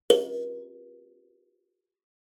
<region> pitch_keycenter=70 lokey=69 hikey=71 tune=-38 volume=9.913765 offset=4650 ampeg_attack=0.004000 ampeg_release=15.000000 sample=Idiophones/Plucked Idiophones/Kalimba, Tanzania/MBira3_pluck_Main_A#3_k18_50_100_rr2.wav